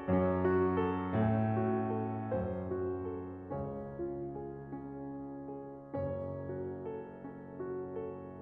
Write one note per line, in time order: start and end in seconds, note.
0.00 1.15 F#2
0.00 1.15 F#3
0.00 0.77 C#4
0.42 1.15 F#4
0.78 1.54 A4
1.16 2.28 A2
1.16 2.28 A3
1.16 1.87 C#4
1.56 2.28 F#4
1.88 2.67 A4
2.30 3.53 F#2
2.30 3.53 F#3
2.30 3.09 C#4
2.30 3.53 C5
2.67 3.53 F#4
3.12 3.53 A4
3.55 5.94 C#2
3.55 5.94 C#3
3.55 4.30 C#4
3.55 5.94 C#5
3.89 4.62 F4
4.31 5.12 G#4
4.63 5.53 C#4
5.13 5.94 F4
5.54 6.39 G#4
5.96 8.39 F#1
5.96 8.39 F#2
5.96 6.80 C#4
5.96 8.39 C#5
6.40 7.21 F#4
6.82 7.60 A4
7.22 7.94 C#4
7.62 8.39 F#4
7.95 8.39 A4